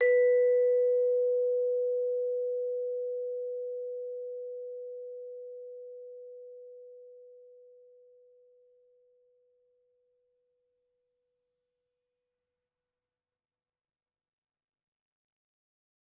<region> pitch_keycenter=71 lokey=70 hikey=72 volume=6.047827 offset=114 lovel=84 hivel=127 ampeg_attack=0.004000 ampeg_release=15.000000 sample=Idiophones/Struck Idiophones/Vibraphone/Soft Mallets/Vibes_soft_B3_v2_rr1_Main.wav